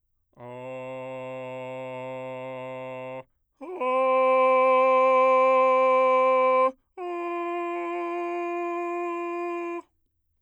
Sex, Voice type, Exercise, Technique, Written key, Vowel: male, bass, long tones, straight tone, , a